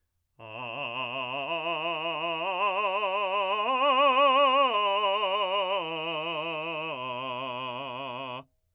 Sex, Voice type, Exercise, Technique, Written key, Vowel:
male, , arpeggios, vibrato, , a